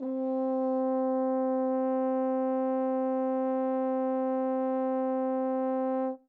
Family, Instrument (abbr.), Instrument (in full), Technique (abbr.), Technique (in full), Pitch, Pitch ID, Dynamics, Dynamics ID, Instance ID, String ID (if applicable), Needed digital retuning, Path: Brass, Hn, French Horn, ord, ordinario, C4, 60, mf, 2, 0, , FALSE, Brass/Horn/ordinario/Hn-ord-C4-mf-N-N.wav